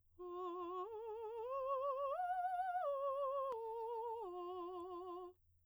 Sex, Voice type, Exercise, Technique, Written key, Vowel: female, soprano, arpeggios, slow/legato piano, F major, o